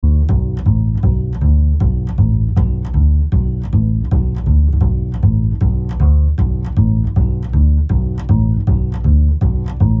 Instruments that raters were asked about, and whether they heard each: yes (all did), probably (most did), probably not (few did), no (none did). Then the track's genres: bass: yes
Old-Time / Historic; Bluegrass; Americana